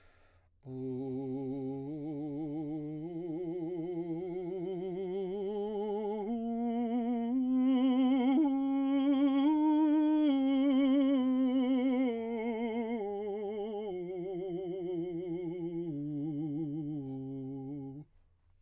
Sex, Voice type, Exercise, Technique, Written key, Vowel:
male, baritone, scales, vibrato, , u